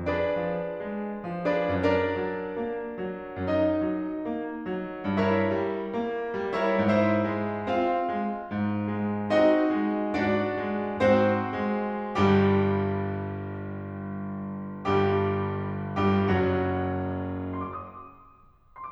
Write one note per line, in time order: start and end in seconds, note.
0.00 0.49 F2
0.00 1.51 D4
0.00 1.51 G#4
0.00 1.51 B4
0.00 1.51 D5
0.49 0.78 F3
0.80 1.24 G#3
1.31 1.74 F3
1.52 1.74 D4
1.52 1.74 G#4
1.52 1.74 B4
1.52 1.74 D5
1.75 2.14 F#2
1.75 3.36 D4
1.75 5.12 A#4
1.75 3.36 D5
2.16 2.52 F#3
2.53 2.95 A#3
2.96 3.36 F#3
3.37 3.89 F#2
3.37 5.12 D#4
3.37 5.12 D#5
3.90 4.24 F#3
4.25 4.64 A#3
4.66 5.12 F#3
5.13 5.53 G2
5.13 6.51 E4
5.13 6.51 A#4
5.13 6.51 C#5
5.13 6.51 E5
5.55 5.96 G3
5.97 6.33 A#3
6.36 6.75 G3
6.55 6.75 E4
6.55 6.75 A#4
6.55 6.75 C#5
6.55 6.75 E5
6.76 7.29 G#2
6.76 7.66 E4
6.76 9.29 C5
6.76 7.66 E5
7.30 7.66 G#3
7.67 8.17 C4
7.67 9.29 F4
7.67 9.29 F5
8.21 8.50 G#3
8.50 8.86 G#2
8.87 9.29 G#3
9.30 9.59 C4
9.30 10.15 D#4
9.30 10.15 F#4
9.30 10.15 D#5
9.60 10.15 G#3
10.16 10.61 G#2
10.16 10.99 D4
10.16 10.99 F#4
10.16 10.99 D5
10.62 10.99 G#3
11.03 11.51 G#2
11.03 12.11 C4
11.03 12.11 F#4
11.03 12.11 C5
11.54 12.11 G#3
12.12 14.87 G1
12.12 14.87 G2
12.12 14.87 G3
12.12 14.87 G4
14.88 15.96 G1
14.88 15.96 G2
14.88 15.96 G3
14.88 15.96 G4
15.98 16.27 G1
15.98 16.27 G2
15.98 16.27 G3
15.98 16.27 G4
16.28 17.61 F#1
16.28 17.61 F#2
16.28 17.61 F#3
16.28 17.61 F#4
17.62 18.18 C6
18.01 18.43 D6
18.19 18.62 D#6